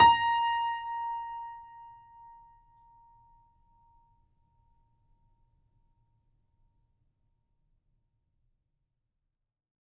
<region> pitch_keycenter=82 lokey=82 hikey=83 volume=-0.403745 offset=500 lovel=100 hivel=127 locc64=0 hicc64=64 ampeg_attack=0.004000 ampeg_release=0.400000 sample=Chordophones/Zithers/Grand Piano, Steinway B/NoSus/Piano_NoSus_Close_A#5_vl4_rr1.wav